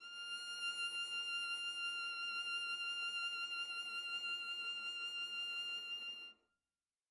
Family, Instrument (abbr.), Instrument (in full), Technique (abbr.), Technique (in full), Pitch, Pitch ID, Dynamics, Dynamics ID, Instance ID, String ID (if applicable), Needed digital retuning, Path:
Strings, Va, Viola, ord, ordinario, F6, 89, mf, 2, 0, 1, FALSE, Strings/Viola/ordinario/Va-ord-F6-mf-1c-N.wav